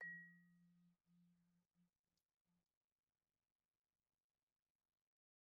<region> pitch_keycenter=53 lokey=53 hikey=55 volume=31.081910 offset=90 lovel=0 hivel=83 ampeg_attack=0.004000 ampeg_release=15.000000 sample=Idiophones/Struck Idiophones/Vibraphone/Soft Mallets/Vibes_soft_F2_v1_rr1_Main.wav